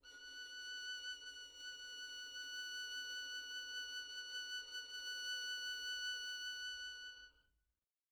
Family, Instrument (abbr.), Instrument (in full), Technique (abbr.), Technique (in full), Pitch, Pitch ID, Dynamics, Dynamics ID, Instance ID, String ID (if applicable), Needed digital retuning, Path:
Strings, Vn, Violin, ord, ordinario, F#6, 90, pp, 0, 0, 1, TRUE, Strings/Violin/ordinario/Vn-ord-F#6-pp-1c-T12d.wav